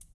<region> pitch_keycenter=65 lokey=65 hikey=65 volume=21.149003 seq_position=2 seq_length=2 ampeg_attack=0.004000 ampeg_release=30.000000 sample=Idiophones/Struck Idiophones/Shaker, Small/Mid_ShakerHighFaster_Up_rr2.wav